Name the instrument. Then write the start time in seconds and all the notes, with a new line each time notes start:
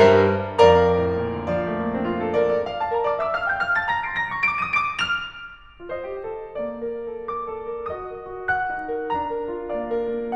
piano
0.05 G2 G3 A#4 C5 E5 A#5
0.69 F2 A#4 D5 F5 A#5
0.87 A2
1.12 A#2
1.30 D3
1.47 F3 D5 F5
1.60 A3
1.76 A#3
1.90 D4
2.04 F4
2.17 A4
2.38 A#4 D5
2.54 D5
2.69 F5
2.81 A5
2.91 A#4 A#5
3.04 D5 D6
3.18 E5 E6
3.30 F5 F6
3.46 G5 G6
3.61 F5 F6
3.76 A5 A6
3.91 A#5 A#6
4.07 C6 C7
4.22 A#5 A#6
4.35 C#6 C#7
4.55 D6 D7
4.73 D#6 D#7
4.89 D6 D7
5.15 F6 F7
5.82 F4 C5 D#5
6.11 G4
6.24 A4
6.52 A#3 D5
6.75 A#4
7.02 A4
7.24 A#4 D6
7.46 A4
7.76 A#4
7.91 F#4 D#5 D#6
8.17 A#4
8.35 F#4
8.54 A#4 F#5 F#6
8.74 D#4
8.95 A#4
9.14 D4 A#5
9.35 A#4
9.53 F4
9.71 A#3 D5 F5
9.95 A#4
10.17 F4